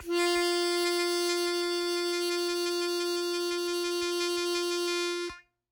<region> pitch_keycenter=65 lokey=65 hikey=67 volume=6.983731 trigger=attack ampeg_attack=0.004000 ampeg_release=0.100000 sample=Aerophones/Free Aerophones/Harmonica-Hohner-Special20-F/Sustains/HandVib/Hohner-Special20-F_HandVib_F3.wav